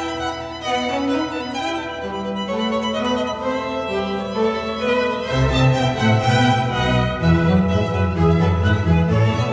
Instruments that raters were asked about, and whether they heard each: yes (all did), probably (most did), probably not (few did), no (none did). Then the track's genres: cello: yes
mandolin: no
guitar: no
violin: yes
Classical; Chamber Music